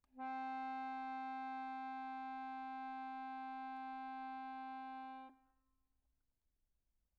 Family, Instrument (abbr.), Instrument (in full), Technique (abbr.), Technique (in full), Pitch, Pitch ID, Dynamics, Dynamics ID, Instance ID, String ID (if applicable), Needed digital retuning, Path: Keyboards, Acc, Accordion, ord, ordinario, C4, 60, pp, 0, 2, , FALSE, Keyboards/Accordion/ordinario/Acc-ord-C4-pp-alt2-N.wav